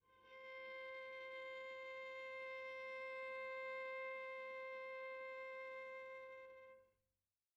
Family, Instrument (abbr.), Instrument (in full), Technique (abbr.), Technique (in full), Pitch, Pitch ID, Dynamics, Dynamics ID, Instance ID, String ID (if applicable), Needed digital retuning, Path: Strings, Va, Viola, ord, ordinario, C5, 72, pp, 0, 2, 3, FALSE, Strings/Viola/ordinario/Va-ord-C5-pp-3c-N.wav